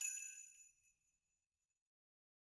<region> pitch_keycenter=60 lokey=60 hikey=60 volume=15.356814 seq_position=2 seq_length=2 ampeg_attack=0.004000 ampeg_release=1.000000 sample=Idiophones/Struck Idiophones/Sleigh Bells/Sleighbells_Hit_rr2_Mid.wav